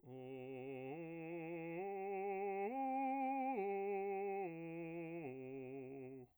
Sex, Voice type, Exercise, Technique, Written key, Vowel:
male, bass, arpeggios, slow/legato piano, C major, o